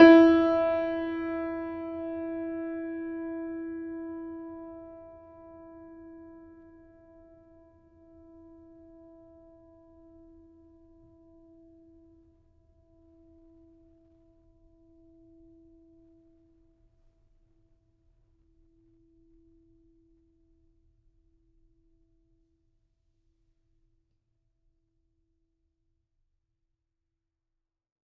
<region> pitch_keycenter=64 lokey=64 hikey=65 volume=-1.617088 lovel=66 hivel=99 locc64=65 hicc64=127 ampeg_attack=0.004000 ampeg_release=0.400000 sample=Chordophones/Zithers/Grand Piano, Steinway B/Sus/Piano_Sus_Close_E4_vl3_rr1.wav